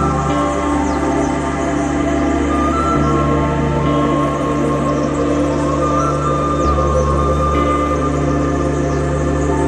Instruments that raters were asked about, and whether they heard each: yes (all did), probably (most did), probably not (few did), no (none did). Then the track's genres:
mallet percussion: no
Radio